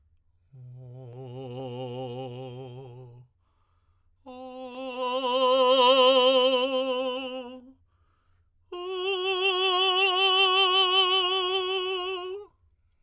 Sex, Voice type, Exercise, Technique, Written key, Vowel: male, tenor, long tones, messa di voce, , o